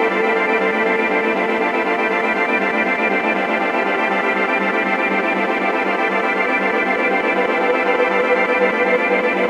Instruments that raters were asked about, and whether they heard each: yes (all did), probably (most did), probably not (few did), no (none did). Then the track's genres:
organ: probably not
Soundtrack; Instrumental